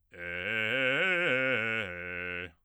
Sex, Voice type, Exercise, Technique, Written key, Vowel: male, bass, arpeggios, fast/articulated forte, F major, e